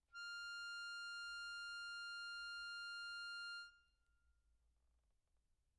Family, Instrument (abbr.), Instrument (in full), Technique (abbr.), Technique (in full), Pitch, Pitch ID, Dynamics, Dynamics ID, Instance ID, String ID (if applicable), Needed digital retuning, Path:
Keyboards, Acc, Accordion, ord, ordinario, F6, 89, mf, 2, 0, , FALSE, Keyboards/Accordion/ordinario/Acc-ord-F6-mf-N-N.wav